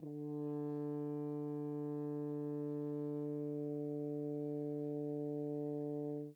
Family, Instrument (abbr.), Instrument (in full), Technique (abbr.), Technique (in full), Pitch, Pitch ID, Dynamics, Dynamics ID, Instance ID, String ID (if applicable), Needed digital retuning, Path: Brass, Hn, French Horn, ord, ordinario, D3, 50, mf, 2, 0, , FALSE, Brass/Horn/ordinario/Hn-ord-D3-mf-N-N.wav